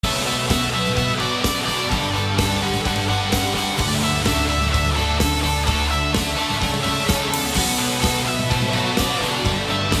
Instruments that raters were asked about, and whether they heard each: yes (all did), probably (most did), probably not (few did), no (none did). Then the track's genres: cymbals: yes
synthesizer: no
flute: no
Rock; Indie-Rock